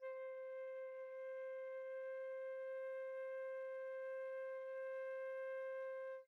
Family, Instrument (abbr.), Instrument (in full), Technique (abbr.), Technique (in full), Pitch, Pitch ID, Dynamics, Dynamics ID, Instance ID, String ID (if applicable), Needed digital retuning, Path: Winds, Fl, Flute, ord, ordinario, C5, 72, pp, 0, 0, , FALSE, Winds/Flute/ordinario/Fl-ord-C5-pp-N-N.wav